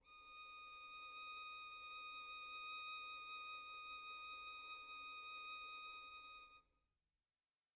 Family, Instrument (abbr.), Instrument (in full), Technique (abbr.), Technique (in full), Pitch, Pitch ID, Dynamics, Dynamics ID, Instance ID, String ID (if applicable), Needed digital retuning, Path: Strings, Vn, Violin, ord, ordinario, D#6, 87, pp, 0, 1, 2, FALSE, Strings/Violin/ordinario/Vn-ord-D#6-pp-2c-N.wav